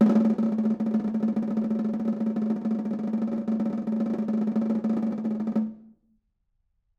<region> pitch_keycenter=62 lokey=62 hikey=62 volume=3.649781 offset=193 lovel=107 hivel=127 ampeg_attack=0.004000 ampeg_release=0.5 sample=Membranophones/Struck Membranophones/Snare Drum, Modern 1/Snare2_rollNS_v5_rr1_Mid.wav